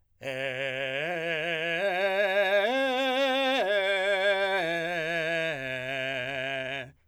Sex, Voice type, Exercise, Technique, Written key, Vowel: male, , arpeggios, belt, , e